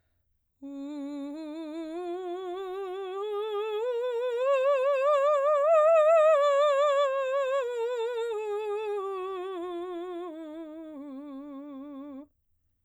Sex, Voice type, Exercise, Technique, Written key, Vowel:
female, soprano, scales, slow/legato piano, C major, u